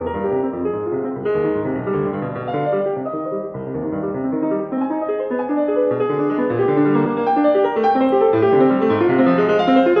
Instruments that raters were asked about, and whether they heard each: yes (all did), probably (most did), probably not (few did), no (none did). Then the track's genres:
piano: yes
Classical